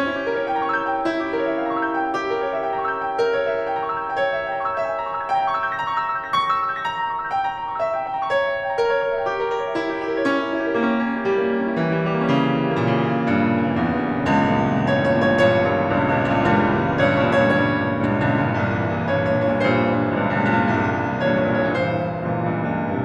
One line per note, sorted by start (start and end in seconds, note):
0.00 0.42 C#4
0.08 0.53 E4
0.16 0.63 G4
0.23 0.71 A#4
0.33 0.79 C#5
0.53 0.98 G5
0.63 1.06 A#5
0.71 1.14 C#6
0.80 1.25 E6
0.89 1.34 G6
0.98 1.46 G5
1.06 1.54 E4
1.14 1.63 G4
1.25 1.75 A#4
1.35 1.83 C#5
1.47 1.92 E5
1.63 2.10 G5
1.75 2.19 A#5
1.85 2.29 C#6
1.93 2.37 E6
2.01 2.40 G6
2.10 2.48 G5
2.19 2.58 G4
2.29 2.66 A#4
2.37 2.73 C#5
2.41 2.80 E5
2.66 3.08 G5
2.73 3.18 A#5
2.81 3.26 C#6
2.89 3.37 E6
2.97 3.46 G6
3.08 3.55 G5
3.18 3.65 A#4
3.27 3.74 C#5
3.38 3.82 E5
3.74 4.18 G5
3.83 4.27 A#5
3.90 4.35 C#6
4.01 4.49 E6
4.09 4.57 G6
4.18 4.67 G5
4.27 4.75 C#5
4.37 4.83 E5
4.49 4.92 G5
4.49 4.92 A#5
4.57 5.02 C#6
4.67 5.11 E6
4.75 5.19 G6
4.84 5.26 E5
4.93 5.34 G5
5.02 5.41 A#5
5.02 5.41 C#6
5.11 5.51 E6
5.19 5.60 G6
5.26 5.69 A#6
5.34 5.76 G5
5.43 5.84 A#5
5.51 5.93 C#6
5.60 6.01 E6
5.69 6.10 G6
5.77 6.18 A#6
5.85 6.26 A#5
5.93 6.33 C#6
6.01 6.40 E6
6.10 6.48 E6
6.18 6.55 G6
6.27 6.62 A#6
6.34 6.72 C#6
6.40 6.82 E6
6.48 6.90 E6
6.55 7.00 G6
6.62 7.07 A#6
6.82 7.22 A#5
6.90 7.31 C#6
7.00 7.40 C#6
7.07 7.49 E6
7.16 7.57 G6
7.31 7.73 G5
7.40 7.80 A#5
7.49 7.89 A#5
7.57 7.98 C#6
7.66 8.05 E6
7.80 8.22 E5
7.89 8.30 G5
7.98 8.30 G5
8.05 8.30 A#5
8.14 8.30 C#6
8.30 8.70 C#5
8.36 8.77 E5
8.44 8.86 E5
8.52 8.96 G5
8.61 9.10 A#5
8.77 9.20 A#4
8.86 9.28 C#5
8.96 9.35 C#5
9.10 9.43 E5
9.16 9.56 G5
9.28 9.74 G4
9.35 9.81 A#4
9.44 9.89 A#4
9.57 9.98 C#5
9.65 10.07 E5
9.81 10.22 E4
9.89 10.30 G4
10.00 10.30 G4
10.08 10.30 A#4
10.16 10.30 C#5
10.30 10.70 C#4
10.37 10.79 E4
10.46 10.87 E4
10.54 10.95 G4
10.62 11.08 A#4
10.79 11.24 A#3
10.88 11.31 C#4
10.96 11.39 C#4
11.08 11.48 E4
11.13 11.59 G4
11.31 11.74 G3
11.40 11.82 A#3
11.49 11.89 A#3
11.59 11.95 C#4
11.68 12.02 E4
11.82 12.17 E3
11.89 12.25 G3
11.95 12.26 G3
12.02 12.26 A#3
12.11 12.26 C#4
12.26 12.64 C#3
12.33 12.72 E3
12.41 12.78 E3
12.48 12.88 G3
12.56 12.97 A#3
12.74 13.14 A#2
12.79 13.24 C#3
12.88 13.33 C#3
12.97 13.40 E3
13.06 13.46 G3
13.25 13.62 G2
13.33 13.71 A#2
13.40 13.82 A#2
13.46 13.91 C#3
13.54 13.99 E3
13.72 14.15 E2
13.82 14.27 G2
13.91 14.27 G2
13.99 14.27 A#2
14.07 14.27 C#3
14.27 14.62 C#2
14.27 14.48 G2
14.27 14.48 A#2
14.37 14.56 E3
14.48 14.62 G2
14.48 14.62 A#2
14.56 14.69 E3
14.63 14.80 G2
14.63 14.80 A#2
14.70 14.88 E3
14.80 14.97 G2
14.80 14.97 A#2
14.80 14.97 C#5
14.88 15.07 E3
14.97 15.16 G2
14.97 15.16 A#2
14.97 15.16 C#5
15.07 15.29 E3
15.19 15.39 G2
15.19 15.39 A#2
15.19 15.39 C#5
15.30 15.48 E3
15.39 15.56 G2
15.39 15.56 A#2
15.39 15.73 C#5
15.48 15.65 E3
15.56 15.73 G2
15.56 15.73 A#2
15.65 15.82 E3
15.74 15.93 G2
15.74 15.93 A#2
15.82 16.05 E3
15.93 16.11 C#2
15.93 16.11 G2
15.93 16.11 A#2
16.05 16.18 E3
16.11 16.27 C#2
16.11 16.27 G2
16.11 16.27 A#2
16.20 16.36 E3
16.28 16.44 C#2
16.28 16.44 G2
16.28 16.44 A#2
16.36 16.52 E3
16.44 16.72 C#2
16.44 16.59 G2
16.44 16.59 A#2
16.52 16.66 E3
16.59 16.72 G2
16.59 16.72 A#2
16.66 16.83 E3
16.73 16.93 G2
16.73 16.93 A#2
16.83 17.01 E3
16.93 17.09 G2
16.93 17.09 A#2
16.93 17.09 C#5
17.01 17.17 E3
17.09 17.26 G2
17.09 17.26 A#2
17.09 17.26 C#5
17.18 17.35 E3
17.26 17.43 G2
17.26 17.43 A#2
17.26 17.43 C#5
17.35 17.50 E3
17.43 17.60 G2
17.43 17.60 A#2
17.43 17.87 C#5
17.50 17.72 E3
17.61 17.87 G2
17.61 17.87 A#2
17.74 17.98 E3
17.87 18.07 G2
17.87 18.07 A#2
17.98 18.18 E3
18.07 18.27 C#2
18.07 18.27 G2
18.07 18.27 A#2
18.18 18.36 E3
18.29 18.43 C#2
18.29 18.43 G2
18.29 18.43 A#2
18.36 18.51 E3
18.43 18.59 C#2
18.43 18.59 G2
18.43 18.59 A#2
18.51 18.68 E3
18.59 19.04 C2
18.59 18.83 G2
18.59 18.83 A#2
18.69 18.95 E3
18.84 19.04 G2
18.84 19.04 A#2
18.95 19.12 E3
19.04 19.20 G2
19.04 19.20 A#2
19.12 19.28 E3
19.20 19.34 G2
19.20 19.34 A#2
19.20 19.34 C#5
19.28 19.45 E3
19.35 19.53 G2
19.35 19.53 A#2
19.35 19.53 C#5
19.45 19.61 E3
19.53 19.69 G2
19.53 19.69 A#2
19.53 19.69 C#5
19.61 19.78 E3
19.69 19.89 G2
19.69 19.89 A#2
19.69 20.05 C5
19.80 19.97 E3
19.89 20.05 G2
19.89 20.05 A#2
19.97 20.13 E3
20.05 20.21 G2
20.05 20.21 A#2
20.13 20.29 E3
20.22 20.40 C#2
20.22 20.40 G2
20.22 20.40 A#2
20.31 20.49 E3
20.40 20.57 C#2
20.40 20.57 G2
20.40 20.57 A#2
20.49 20.65 E3
20.57 20.75 C#2
20.57 20.75 G2
20.57 20.75 A#2
20.65 20.89 E3
20.76 21.16 C2
20.76 20.99 G2
20.76 20.99 A#2
20.91 21.08 E3
20.99 21.16 G2
20.99 21.16 A#2
21.08 21.25 E3
21.16 21.34 G2
21.16 21.34 A#2
21.25 21.46 E3
21.35 21.55 G2
21.35 21.55 A#2
21.35 21.55 C#5
21.46 21.64 E3
21.55 21.75 G2
21.55 21.75 A#2
21.55 21.75 C#5
21.64 21.83 E3
21.75 21.93 G2
21.75 21.93 A#2
21.75 21.93 C#5
21.84 22.01 E3
21.94 22.09 G2
21.94 22.09 A#2
21.94 22.29 C5
22.01 22.19 E3
22.09 22.29 G2
22.09 22.29 A#2
22.19 22.38 E3
22.29 22.57 G2
22.29 22.57 A#2
22.40 22.66 E3
22.57 22.76 C#2
22.57 22.76 G2
22.57 22.76 A#2
22.66 22.84 E3
22.76 22.92 C#2
22.76 22.92 G2
22.76 22.92 A#2
22.84 22.99 E3
22.93 23.05 C#2
22.93 23.05 G2
22.93 23.05 A#2
23.01 23.05 E3